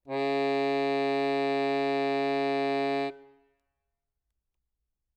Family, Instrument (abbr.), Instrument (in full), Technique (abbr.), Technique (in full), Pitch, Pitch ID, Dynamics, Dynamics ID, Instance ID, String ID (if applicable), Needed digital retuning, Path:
Keyboards, Acc, Accordion, ord, ordinario, C#3, 49, ff, 4, 0, , FALSE, Keyboards/Accordion/ordinario/Acc-ord-C#3-ff-N-N.wav